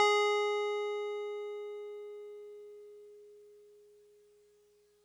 <region> pitch_keycenter=80 lokey=79 hikey=82 volume=11.682552 lovel=66 hivel=99 ampeg_attack=0.004000 ampeg_release=0.100000 sample=Electrophones/TX81Z/FM Piano/FMPiano_G#4_vl2.wav